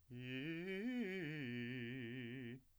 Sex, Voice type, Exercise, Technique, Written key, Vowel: male, , arpeggios, fast/articulated piano, C major, i